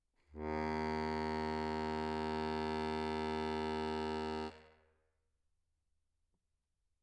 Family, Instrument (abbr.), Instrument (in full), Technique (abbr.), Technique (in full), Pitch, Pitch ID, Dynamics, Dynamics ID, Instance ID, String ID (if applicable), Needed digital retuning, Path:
Keyboards, Acc, Accordion, ord, ordinario, D#2, 39, mf, 2, 0, , FALSE, Keyboards/Accordion/ordinario/Acc-ord-D#2-mf-N-N.wav